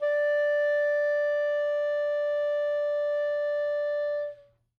<region> pitch_keycenter=74 lokey=73 hikey=76 volume=11.968981 lovel=0 hivel=83 ampeg_attack=0.004000 ampeg_release=0.500000 sample=Aerophones/Reed Aerophones/Saxello/Non-Vibrato/Saxello_SusNV_MainSpirit_D4_vl2_rr2.wav